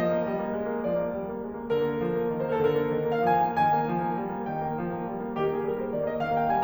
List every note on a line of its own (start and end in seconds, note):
0.00 0.14 F3
0.00 0.86 D#5
0.15 0.28 A#3
0.28 0.44 G3
0.44 0.62 A#3
0.63 0.75 G#3
0.75 0.86 A#3
0.86 1.01 F3
0.86 1.14 D5
1.01 1.14 A#3
1.15 1.34 G3
1.34 1.45 A#3
1.45 1.56 G#3
1.57 1.73 A#3
1.73 1.89 D3
1.73 2.64 A#4
1.89 2.04 A#3
2.05 2.19 F3
2.19 2.33 A#3
2.33 2.46 D#3
2.46 2.64 A#3
2.64 2.81 D3
2.64 2.74 A#4
2.74 2.81 C5
2.81 2.96 A#3
2.81 2.88 A#4
2.88 2.96 A4
2.96 3.09 D#3
2.96 3.09 A#4
3.10 3.27 A#3
3.10 3.27 F5
3.27 3.41 F3
3.27 3.58 G#5
3.41 3.58 A#3
3.59 3.74 D#3
3.59 4.53 G#5
3.74 3.92 A#3
3.92 4.11 F3
4.12 4.25 A#3
4.25 4.39 G3
4.39 4.53 A#3
4.53 4.68 D#3
4.53 4.83 G5
4.69 4.83 A#3
4.83 5.04 F3
5.04 5.15 A#3
5.17 5.31 G3
5.31 5.41 A#3
5.41 5.53 D#3
5.41 5.53 G4
5.54 5.76 A#3
5.54 5.76 G#4
5.76 5.89 G3
5.76 5.89 A#4
5.89 6.01 A#3
5.89 6.01 C5
6.01 6.15 D#3
6.01 6.15 D5
6.15 6.28 A#3
6.15 6.28 D#5
6.28 6.37 D#3
6.28 6.37 F5
6.37 6.48 A#3
6.37 6.48 G5
6.49 6.64 G3
6.49 6.64 G#5